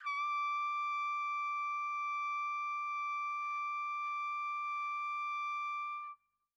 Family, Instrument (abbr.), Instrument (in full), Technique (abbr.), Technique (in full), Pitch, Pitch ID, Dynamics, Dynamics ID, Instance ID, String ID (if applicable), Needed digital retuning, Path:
Brass, TpC, Trumpet in C, ord, ordinario, D6, 86, pp, 0, 0, , FALSE, Brass/Trumpet_C/ordinario/TpC-ord-D6-pp-N-N.wav